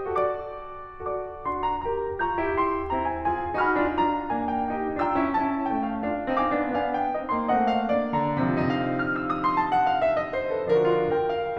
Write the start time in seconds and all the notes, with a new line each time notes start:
0.00 F#4 A4 D5 A5 D6
0.33 F#4 A4 D5 D6
1.43 D4 F#4 C6
1.67 A#5
1.86 G4 A#4 A#5
2.18 F4 G#4 A#5 C#6 G6
2.38 E4 G4
2.55 E4 G4 C6
2.89 C4 E4 A#5
3.05 G#5
3.25 F4 G#4 G#5
3.60 D#4 F#4 G#5 B5 F6
3.76 D4 F4
3.92 D4 F4 A#5
4.28 A#3 D4 G#5
4.50 G5
4.70 D#4 G4 G5
5.02 D4 F4 G5 A#5 E6
5.15 C#4 E4
5.32 C#4 E4 A5
5.63 A3 C#4 G5
5.77 F5
6.01 D4 F4 F5
6.37 C4 D#4 F5 G#5 D6
6.61 B3 D4
6.83 B3 D4 G#5
6.95 G5
7.14 C4 D#4 D#5
7.31 A#3 C6
7.51 A3 C4 D#5 F#5
7.73 F5
7.89 A#3 D4 D5
8.10 D3 A#5
8.39 C3 F3 D#4 F5
8.65 F6
9.11 E6
9.28 D#6
9.40 C6
9.54 A5
9.71 F#5
9.83 F5
10.00 E5
10.15 D#5
10.32 C5
10.53 A4
10.67 D3 F3 D4 F#4 A#4
10.83 F4
11.13 A#4 G5
11.32 F5